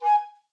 <region> pitch_keycenter=80 lokey=80 hikey=81 tune=-6 volume=6.535370 offset=544 ampeg_attack=0.004000 ampeg_release=10.000000 sample=Aerophones/Edge-blown Aerophones/Baroque Tenor Recorder/Staccato/TenRecorder_Stac_G#4_rr1_Main.wav